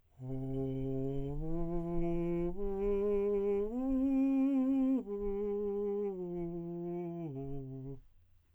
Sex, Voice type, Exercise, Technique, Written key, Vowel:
male, tenor, arpeggios, breathy, , o